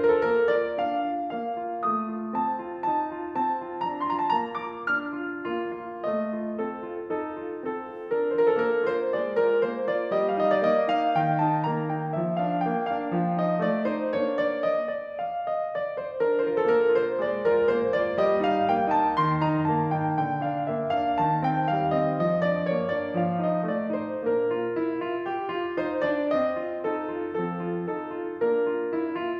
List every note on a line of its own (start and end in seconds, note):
0.00 0.21 F4
0.00 0.07 C5
0.08 0.14 A#4
0.15 0.21 A4
0.22 0.49 A#3
0.22 0.49 A#4
0.50 0.77 F4
0.50 0.77 D5
0.78 1.11 D4
0.78 1.31 F5
1.13 1.31 F4
1.32 1.56 A#3
1.32 1.78 F5
1.57 1.78 F4
1.80 2.07 A3
1.80 2.33 D#6
2.07 2.33 F4
2.35 2.62 C4
2.35 2.84 A5
2.62 2.84 F4
2.86 3.09 D#4
2.86 3.34 A5
3.10 3.34 F4
3.36 3.59 C4
3.36 3.82 A5
3.60 3.82 F4
3.83 4.10 D4
3.83 4.10 A#5
4.10 4.37 F4
4.10 4.17 C6
4.18 4.24 A#5
4.25 4.37 A5
4.37 4.57 A#3
4.37 4.57 A#5
4.59 4.85 F4
4.59 4.85 D6
4.86 5.15 D4
4.86 5.47 F6
5.17 5.47 F4
5.49 5.78 A#3
5.49 6.01 F4
5.79 6.01 F4
6.03 6.25 A3
6.03 6.51 D#5
6.25 6.51 F4
6.51 6.79 C4
6.51 7.08 A4
6.82 7.08 F4
7.09 7.38 D#4
7.09 7.69 A4
7.41 7.69 F4
7.70 7.92 C4
7.70 8.10 A4
7.93 8.10 F4
8.12 8.36 D4
8.12 8.36 A#4
8.36 8.65 F4
8.36 8.44 C5
8.48 8.57 A#4
8.58 8.65 A4
8.65 8.93 A#3
8.65 8.93 A#4
8.94 9.17 F4
8.94 9.17 C5
9.18 9.38 G#3
9.18 9.38 D5
9.39 9.65 F4
9.39 9.65 A#4
9.66 9.86 A#3
9.66 9.86 C5
9.87 10.11 F4
9.87 10.11 D5
10.12 10.36 G3
10.12 10.36 D#5
10.36 10.63 D#4
10.36 10.43 F5
10.45 10.53 D#5
10.54 10.63 D5
10.63 10.88 A#3
10.63 10.88 D#5
10.89 11.15 D#4
10.89 11.15 F5
11.16 11.41 D#3
11.16 11.41 G5
11.42 11.63 D#4
11.42 11.63 A5
11.64 11.87 A#3
11.64 11.87 A#5
11.88 12.17 D#4
11.88 12.17 G5
12.17 12.38 F3
12.17 12.38 E5
12.39 12.62 D4
12.39 12.62 F5
12.62 12.85 A#3
12.62 12.85 G5
12.86 13.14 D4
12.86 13.14 F5
13.15 13.40 F3
13.15 13.40 F5
13.41 13.62 D#4
13.41 13.62 D#5
13.63 13.83 A3
13.63 13.83 D5
13.84 14.12 D#4
13.84 14.12 C5
14.13 15.17 A#3
14.13 15.17 D4
14.13 14.45 C#5
14.47 14.71 D5
14.71 14.93 D#5
14.95 15.17 D5
15.19 15.42 F5
15.43 15.72 D#5
15.73 15.98 D5
15.99 16.20 C5
16.21 16.45 D4
16.21 16.45 A#4
16.46 16.66 F4
16.46 16.52 C5
16.52 16.57 A#4
16.58 16.66 A4
16.66 16.89 A#3
16.66 16.89 A#4
16.90 17.15 F4
16.90 17.15 C5
17.16 17.45 G#3
17.16 17.45 D5
17.46 17.69 F4
17.46 17.69 A#4
17.71 18.00 A#3
17.71 18.00 C5
18.01 18.19 F4
18.01 18.19 D5
18.22 18.47 G3
18.22 18.47 D#5
18.48 18.72 D#4
18.48 18.72 F5
18.72 18.95 A#3
18.72 18.95 G5
18.96 19.16 D#4
18.96 19.16 A5
19.17 19.41 D#3
19.17 19.41 C6
19.42 19.67 D#4
19.42 19.67 A#5
19.68 19.91 A#3
19.68 19.91 A5
19.92 20.24 D#4
19.92 20.24 G5
20.25 20.49 D3
20.25 20.49 G5
20.50 20.75 D4
20.50 20.75 F5
20.75 20.97 A#3
20.75 20.97 E5
20.98 21.22 D4
20.98 21.22 F5
21.22 21.43 C3
21.22 21.43 A5
21.44 21.71 C4
21.44 21.71 G5
21.72 21.93 G3
21.72 21.93 F5
21.94 22.20 C4
21.94 22.20 D#5
22.21 22.44 F3
22.21 22.44 D#5
22.45 22.69 D4
22.45 22.69 D5
22.69 22.93 A#3
22.69 22.93 C#5
22.93 23.14 D4
22.93 23.14 D5
23.15 23.42 F3
23.15 23.42 F5
23.43 23.68 D#4
23.43 23.68 D#5
23.70 23.96 A3
23.70 23.96 D5
23.97 24.23 D#4
23.97 24.23 C5
24.24 24.50 A#3
24.24 24.50 D4
24.24 25.24 A#4
24.52 24.78 F4
24.78 25.01 E4
25.01 25.24 F4
25.25 25.48 G4
25.50 25.80 F4
25.81 26.05 D#4
25.81 26.05 C5
26.06 26.32 D4
26.06 26.32 D5
26.33 26.59 C4
26.33 26.87 D#5
26.60 26.87 F4
26.87 27.10 D#4
26.87 27.34 A4
27.10 27.34 F4
27.35 27.61 F3
27.35 27.61 C4
27.35 27.88 A4
27.62 27.88 F4
27.90 28.11 D#4
27.90 28.35 A4
28.12 28.35 F4
28.36 28.65 A#3
28.36 28.65 D4
28.36 29.37 A#4
28.67 28.93 F4
28.96 29.16 E4
29.16 29.37 F4